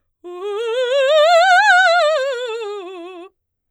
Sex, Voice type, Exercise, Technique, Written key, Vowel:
female, soprano, scales, fast/articulated forte, F major, u